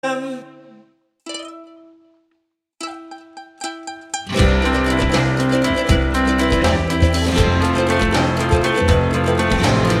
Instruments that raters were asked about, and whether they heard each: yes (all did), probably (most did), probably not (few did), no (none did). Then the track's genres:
ukulele: yes
mandolin: yes
Holiday